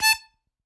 <region> pitch_keycenter=81 lokey=80 hikey=82 tune=2 volume=-3.788678 seq_position=2 seq_length=2 ampeg_attack=0.004000 ampeg_release=0.300000 sample=Aerophones/Free Aerophones/Harmonica-Hohner-Special20-F/Sustains/Stac/Hohner-Special20-F_Stac_A4_rr2.wav